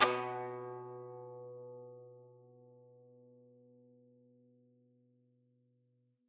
<region> pitch_keycenter=47 lokey=47 hikey=48 volume=6.627402 lovel=100 hivel=127 ampeg_attack=0.004000 ampeg_release=0.300000 sample=Chordophones/Zithers/Dan Tranh/Normal/B1_ff_1.wav